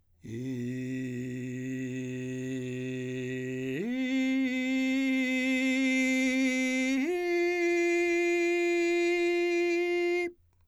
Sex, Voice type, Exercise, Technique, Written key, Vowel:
male, , long tones, straight tone, , i